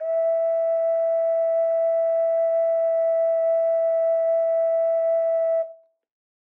<region> pitch_keycenter=76 lokey=76 hikey=77 tune=1 volume=3.109056 trigger=attack ampeg_attack=0.004000 ampeg_release=0.100000 sample=Aerophones/Edge-blown Aerophones/Ocarina, Typical/Sustains/Sus/StdOcarina_Sus_E4.wav